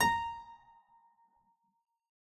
<region> pitch_keycenter=82 lokey=82 hikey=83 volume=-1.170932 trigger=attack ampeg_attack=0.004000 ampeg_release=0.350000 amp_veltrack=0 sample=Chordophones/Zithers/Harpsichord, English/Sustains/Lute/ZuckermannKitHarpsi_Lute_Sus_A#4_rr1.wav